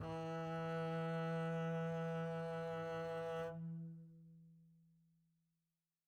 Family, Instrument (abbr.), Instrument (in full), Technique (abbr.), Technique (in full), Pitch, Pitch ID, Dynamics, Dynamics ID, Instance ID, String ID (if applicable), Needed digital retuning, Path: Strings, Cb, Contrabass, ord, ordinario, E3, 52, mf, 2, 1, 2, FALSE, Strings/Contrabass/ordinario/Cb-ord-E3-mf-2c-N.wav